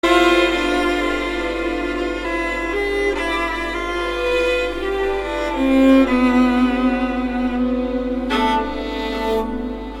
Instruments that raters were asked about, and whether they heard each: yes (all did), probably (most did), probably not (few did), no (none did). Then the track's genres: cello: yes
violin: yes
Avant-Garde; Soundtrack; Experimental; Ambient; Improv; Sound Art; Instrumental